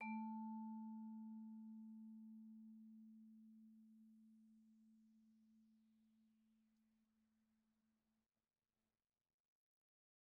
<region> pitch_keycenter=57 lokey=56 hikey=58 volume=25.227232 lovel=0 hivel=83 ampeg_attack=0.004000 ampeg_release=15.000000 sample=Idiophones/Struck Idiophones/Vibraphone/Soft Mallets/Vibes_soft_A2_v1_rr1_Main.wav